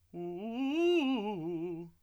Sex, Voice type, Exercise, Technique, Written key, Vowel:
male, tenor, arpeggios, fast/articulated piano, F major, u